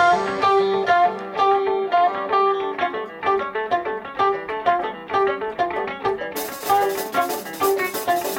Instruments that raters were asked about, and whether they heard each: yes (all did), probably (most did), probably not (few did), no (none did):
violin: probably not
banjo: yes
mandolin: probably